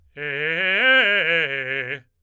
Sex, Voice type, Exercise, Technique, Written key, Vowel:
male, tenor, arpeggios, fast/articulated forte, C major, e